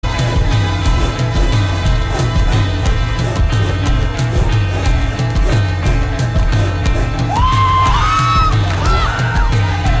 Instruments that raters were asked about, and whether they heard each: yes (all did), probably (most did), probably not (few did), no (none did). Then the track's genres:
voice: probably
Avant-Garde; Experimental; Improv